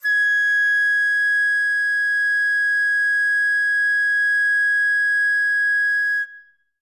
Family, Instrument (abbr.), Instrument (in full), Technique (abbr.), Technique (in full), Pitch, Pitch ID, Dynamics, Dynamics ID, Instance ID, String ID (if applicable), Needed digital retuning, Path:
Winds, Fl, Flute, ord, ordinario, G#6, 92, ff, 4, 0, , TRUE, Winds/Flute/ordinario/Fl-ord-G#6-ff-N-T17d.wav